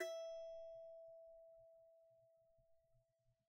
<region> pitch_keycenter=76 lokey=76 hikey=77 volume=15.757685 lovel=0 hivel=65 ampeg_attack=0.004000 ampeg_release=15.000000 sample=Chordophones/Composite Chordophones/Strumstick/Finger/Strumstick_Finger_Str3_Main_E4_vl1_rr1.wav